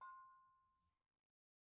<region> pitch_keycenter=63 lokey=63 hikey=63 volume=28.362513 offset=322 lovel=0 hivel=65 ampeg_attack=0.004000 ampeg_release=10.000000 sample=Idiophones/Struck Idiophones/Brake Drum/BrakeDrum1_YarnM_v1_rr1_Mid.wav